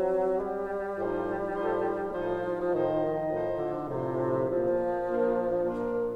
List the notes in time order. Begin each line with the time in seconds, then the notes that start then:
0.00 G3
1.02 A2 F3 G3 D#4 C5
1.52 A2 F3 D#4 A4 C5
2.14 A2 F3 D#4 C5
2.51 F3
2.74 A2 D#3 F3 D#4 C5 D#5
3.47 A2 F3 D#4 C5
3.82 D3
4.08 A2 C3 F3 D#4 C5
4.56 A#2 F3 A#3
5.19 A#3 D4 F4 A#4
5.71 A#3 D4 F4 A#4